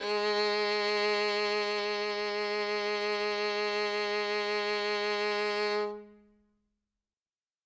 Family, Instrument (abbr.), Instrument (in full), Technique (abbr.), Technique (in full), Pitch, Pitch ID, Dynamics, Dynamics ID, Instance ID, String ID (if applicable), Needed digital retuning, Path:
Strings, Vn, Violin, ord, ordinario, G#3, 56, ff, 4, 3, 4, TRUE, Strings/Violin/ordinario/Vn-ord-G#3-ff-4c-T16u.wav